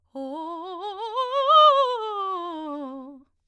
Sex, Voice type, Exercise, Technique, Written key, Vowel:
female, soprano, scales, fast/articulated piano, C major, o